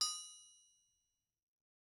<region> pitch_keycenter=61 lokey=61 hikey=61 volume=18.089020 offset=259 lovel=66 hivel=99 ampeg_attack=0.004000 ampeg_release=15.000000 sample=Idiophones/Struck Idiophones/Anvil/Anvil_Hit2_v2_rr1_Mid.wav